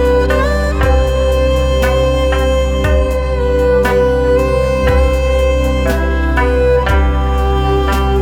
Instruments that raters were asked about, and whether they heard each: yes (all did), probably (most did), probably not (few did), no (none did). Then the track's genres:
saxophone: probably
Pop; Electronic; New Age; Instrumental